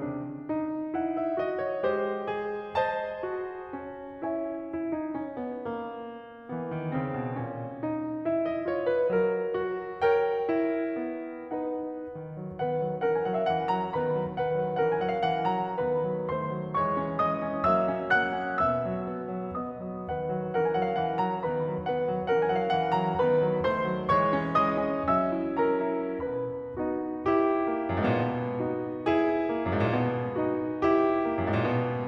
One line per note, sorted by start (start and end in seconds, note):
0.00 0.45 C3
0.00 0.45 D4
0.45 0.94 D#4
0.94 1.39 E4
0.94 1.21 F#5
1.22 1.39 E5
1.39 1.82 F#4
1.39 1.63 D#5
1.63 1.82 C#5
1.82 3.74 G#3
1.82 2.32 G4
1.82 2.75 C5
2.35 3.24 G#4
2.76 4.16 C5
2.76 4.16 D#5
2.76 4.16 A5
3.25 4.16 F#4
3.75 4.71 C#4
4.17 4.71 E4
4.17 4.71 C#5
4.17 4.71 E5
4.17 4.71 G#5
4.71 4.93 E4
4.93 5.17 D#4
5.17 5.36 C#4
5.40 5.63 B3
5.63 6.50 A#3
6.50 6.65 E3
6.50 6.92 B3
6.69 6.92 D#3
6.92 7.13 C#3
6.92 7.40 C4
7.13 7.40 B2
7.40 7.83 A#2
7.40 7.83 C#4
7.84 8.30 D#4
8.31 8.66 E4
8.31 8.51 E5
8.51 8.66 D#5
8.67 9.57 F4
8.67 8.86 C#5
8.86 9.08 B4
9.09 10.98 F#3
9.09 10.02 A#4
9.57 10.48 F#4
10.02 11.48 A#4
10.02 11.48 C#5
10.02 11.48 G5
10.48 11.48 E4
10.98 12.14 B3
11.48 12.14 D#4
11.48 12.14 B4
11.48 12.14 D#5
11.48 12.14 F#5
12.14 12.35 D#3
12.14 12.61 B3
12.36 12.61 F#3
12.61 12.82 D#3
12.61 13.00 B3
12.61 13.00 B4
12.61 13.00 F#5
12.82 13.00 F#3
13.00 13.24 E3
13.00 13.93 C#4
13.00 13.93 A#4
13.00 13.24 F#5
13.24 13.48 F#3
13.24 13.31 G#5
13.32 13.40 F#5
13.41 13.48 F5
13.49 13.72 E3
13.49 13.72 F#5
13.72 13.93 F#3
13.72 13.93 A#5
13.94 14.20 D#3
13.94 14.38 B3
13.94 14.38 B4
13.94 14.38 B5
14.20 14.38 F#3
14.40 14.62 D#3
14.40 14.77 B3
14.40 14.77 B4
14.40 14.77 F#5
14.62 14.77 F#3
14.78 14.97 E3
14.78 15.77 C#4
14.78 15.77 A#4
14.78 14.97 F#5
14.97 15.16 F#3
14.97 15.03 G#5
15.03 15.09 F#5
15.09 15.16 F5
15.16 15.49 E3
15.16 15.49 F#5
15.49 15.77 F#3
15.49 15.77 A#5
15.77 16.04 D#3
15.77 16.29 B3
15.77 16.29 B4
15.77 16.29 B5
16.06 16.29 F#3
16.29 16.52 D#3
16.29 16.76 A3
16.29 16.76 C5
16.29 16.76 C6
16.53 16.76 F#3
16.76 17.21 E3
16.76 17.02 G#3
16.76 17.21 C#5
16.76 17.21 C#6
17.03 17.21 C#4
17.21 17.71 E3
17.21 17.47 G#3
17.21 17.71 D#5
17.21 17.71 D#6
17.48 17.71 C#4
17.71 18.17 F#3
17.71 17.93 A#3
17.71 18.17 E5
17.71 18.17 E6
17.93 18.17 C#4
18.17 18.65 F#3
18.17 18.38 A#3
18.17 18.65 F#5
18.17 18.65 F#6
18.38 18.65 C#4
18.66 20.05 B2
18.66 18.89 B3
18.66 19.55 E5
18.66 19.55 E6
18.89 19.10 F#3
19.11 19.34 B3
19.34 19.55 F#3
19.56 19.82 B3
19.56 20.05 D#5
19.56 20.05 D#6
19.82 20.05 F#3
20.06 20.28 D#3
20.06 20.54 B3
20.06 20.54 B4
20.06 20.54 F#5
20.28 20.54 F#3
20.55 20.78 E3
20.55 21.42 C#4
20.55 21.42 A#4
20.55 20.78 F#5
20.78 21.03 F#3
20.78 20.87 G#5
20.87 20.94 F#5
20.94 21.03 F5
21.03 21.23 E3
21.03 21.23 F#5
21.23 21.42 F#3
21.23 21.42 A#5
21.42 21.70 D#3
21.42 21.90 B3
21.42 21.90 B4
21.42 21.90 B5
21.71 21.90 F#3
21.90 22.08 D#3
21.90 22.30 B3
21.90 22.30 B4
21.90 22.30 F#5
22.09 22.30 F#3
22.30 22.55 E3
22.30 23.23 C#4
22.30 23.23 A#4
22.30 22.55 F#5
22.56 22.74 F#3
22.56 22.60 G#5
22.62 22.67 F#5
22.67 22.74 F5
22.74 22.98 E3
22.74 22.98 F#5
22.99 23.23 F#3
22.99 23.23 A#5
23.23 23.45 D#3
23.23 23.65 B3
23.23 23.65 B4
23.23 23.65 B5
23.45 23.65 F#3
23.65 23.85 D#3
23.65 24.09 A3
23.65 24.09 C5
23.65 24.09 C6
23.85 24.09 F#3
24.10 24.60 E3
24.10 24.37 G#3
24.10 24.60 C#5
24.10 24.60 C#6
24.37 24.60 C#4
24.61 25.11 E3
24.61 24.92 G#3
24.61 25.11 D#5
24.61 25.11 D#6
24.92 25.11 C#4
25.12 25.59 F#3
25.12 25.34 C#4
25.12 25.59 E5
25.12 25.59 E6
25.34 25.59 E4
25.60 26.19 F#3
25.60 25.87 C#4
25.60 26.19 A#4
25.60 26.19 A#5
25.87 26.19 E4
26.19 26.76 B2
26.19 26.76 B3
26.19 26.76 B4
26.19 26.76 B5
26.76 27.71 B3
26.76 27.24 D#4
26.76 27.24 F#4
27.24 28.61 E4
27.24 28.61 G4
27.71 28.17 A#3
27.91 28.00 F#2
28.01 28.10 G#2
28.10 28.17 A#2
28.17 28.61 B2
28.61 29.48 B3
28.61 29.02 D#4
28.61 29.02 F#4
29.02 30.36 E4
29.02 30.36 G#4
29.49 29.92 A#3
29.66 29.73 F#2
29.73 29.84 G#2
29.85 29.92 A#2
29.93 30.36 B2
30.37 31.18 B3
30.37 30.78 D#4
30.37 30.78 F#4
30.79 32.08 E4
30.79 32.08 G4
31.20 31.64 A#3
31.38 31.45 F#2
31.45 31.53 G#2
31.53 31.64 A#2
31.64 32.08 B2